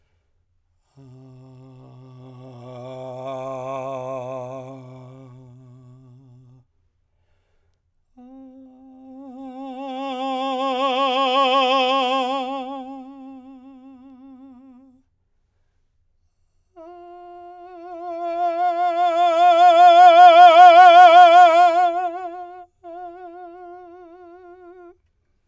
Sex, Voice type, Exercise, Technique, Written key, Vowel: male, , long tones, messa di voce, , a